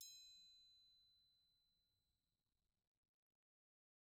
<region> pitch_keycenter=60 lokey=60 hikey=60 volume=29.662099 offset=184 lovel=0 hivel=83 seq_position=2 seq_length=2 ampeg_attack=0.004000 ampeg_release=30.000000 sample=Idiophones/Struck Idiophones/Triangles/Triangle1_Hit_v1_rr2_Mid.wav